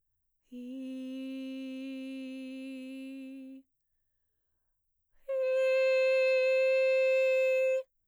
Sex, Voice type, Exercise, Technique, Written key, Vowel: female, mezzo-soprano, long tones, inhaled singing, , i